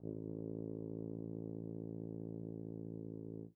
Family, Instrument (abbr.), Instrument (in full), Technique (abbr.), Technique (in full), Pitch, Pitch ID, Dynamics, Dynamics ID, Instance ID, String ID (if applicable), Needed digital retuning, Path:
Brass, BTb, Bass Tuba, ord, ordinario, A1, 33, mf, 2, 0, , TRUE, Brass/Bass_Tuba/ordinario/BTb-ord-A1-mf-N-T33u.wav